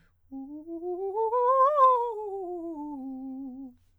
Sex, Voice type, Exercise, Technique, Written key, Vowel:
male, countertenor, scales, fast/articulated piano, C major, u